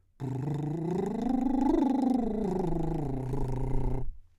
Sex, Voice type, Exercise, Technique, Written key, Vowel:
male, , scales, lip trill, , u